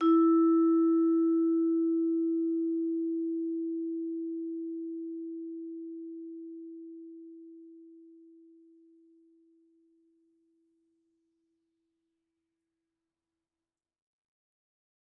<region> pitch_keycenter=64 lokey=63 hikey=65 volume=2.890651 offset=119 lovel=84 hivel=127 ampeg_attack=0.004000 ampeg_release=15.000000 sample=Idiophones/Struck Idiophones/Vibraphone/Soft Mallets/Vibes_soft_E3_v2_rr1_Main.wav